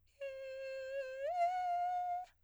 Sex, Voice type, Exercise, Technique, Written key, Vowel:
female, soprano, long tones, inhaled singing, , i